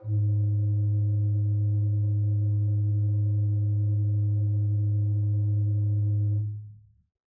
<region> pitch_keycenter=44 lokey=44 hikey=45 tune=1 ampeg_attack=0.004000 ampeg_release=0.300000 amp_veltrack=0 sample=Aerophones/Edge-blown Aerophones/Renaissance Organ/8'/RenOrgan_8foot_Room_G#1_rr1.wav